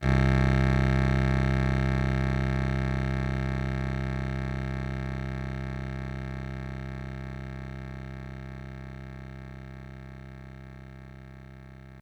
<region> pitch_keycenter=24 lokey=24 hikey=26 volume=5.486279 offset=422 lovel=100 hivel=127 ampeg_attack=0.004000 ampeg_release=0.100000 sample=Electrophones/TX81Z/Clavisynth/Clavisynth_C0_vl3.wav